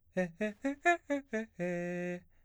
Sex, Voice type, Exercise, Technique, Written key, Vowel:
male, baritone, arpeggios, fast/articulated piano, F major, e